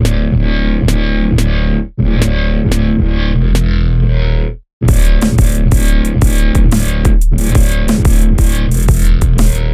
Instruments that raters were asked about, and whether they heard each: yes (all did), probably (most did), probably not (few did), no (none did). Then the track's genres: guitar: probably not
Nerdcore; Alternative Hip-Hop; Hip-Hop Beats